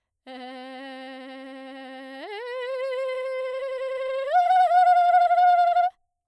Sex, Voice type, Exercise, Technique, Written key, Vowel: female, soprano, long tones, trillo (goat tone), , e